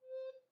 <region> pitch_keycenter=72 lokey=72 hikey=73 volume=17.960837 offset=658 ampeg_attack=0.005 ampeg_release=10.000000 sample=Aerophones/Edge-blown Aerophones/Baroque Soprano Recorder/Staccato/SopRecorder_Stac_C4_rr1_Main.wav